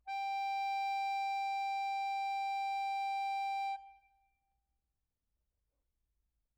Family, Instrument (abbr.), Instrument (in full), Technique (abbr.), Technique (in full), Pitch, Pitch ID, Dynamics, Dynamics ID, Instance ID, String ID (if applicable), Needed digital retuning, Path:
Keyboards, Acc, Accordion, ord, ordinario, G5, 79, mf, 2, 3, , FALSE, Keyboards/Accordion/ordinario/Acc-ord-G5-mf-alt3-N.wav